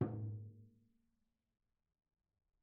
<region> pitch_keycenter=62 lokey=62 hikey=62 volume=20.538081 offset=293 lovel=0 hivel=65 seq_position=2 seq_length=2 ampeg_attack=0.004000 ampeg_release=30.000000 sample=Membranophones/Struck Membranophones/Tom 1/Mallet/TomH_HitM_v2_rr2_Mid.wav